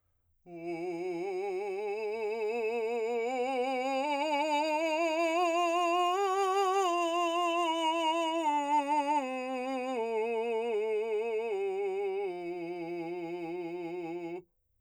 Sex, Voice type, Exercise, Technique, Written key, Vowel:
male, , scales, slow/legato forte, F major, u